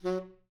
<region> pitch_keycenter=54 lokey=54 hikey=55 tune=10 volume=18.796892 offset=158 lovel=0 hivel=83 ampeg_attack=0.004000 ampeg_release=1.500000 sample=Aerophones/Reed Aerophones/Tenor Saxophone/Staccato/Tenor_Staccato_Main_F#2_vl1_rr4.wav